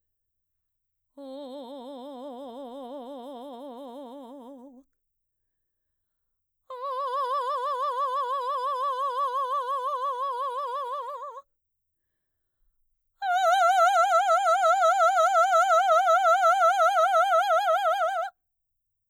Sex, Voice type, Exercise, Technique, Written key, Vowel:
female, mezzo-soprano, long tones, trillo (goat tone), , o